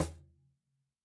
<region> pitch_keycenter=60 lokey=60 hikey=60 volume=7.005990 lovel=0 hivel=65 seq_position=1 seq_length=2 ampeg_attack=0.004000 ampeg_release=30.000000 sample=Idiophones/Struck Idiophones/Cajon/Cajon_hit1_mp_rr2.wav